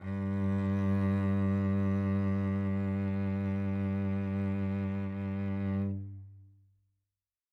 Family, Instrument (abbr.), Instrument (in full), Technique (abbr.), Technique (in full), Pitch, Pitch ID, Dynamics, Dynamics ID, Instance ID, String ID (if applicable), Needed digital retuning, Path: Strings, Vc, Cello, ord, ordinario, G2, 43, mf, 2, 3, 4, FALSE, Strings/Violoncello/ordinario/Vc-ord-G2-mf-4c-N.wav